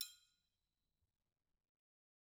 <region> pitch_keycenter=64 lokey=64 hikey=64 volume=19.816896 offset=181 seq_position=1 seq_length=2 ampeg_attack=0.004000 ampeg_release=30.000000 sample=Idiophones/Struck Idiophones/Triangles/Triangle1_hitFM_v2_rr1_Mid.wav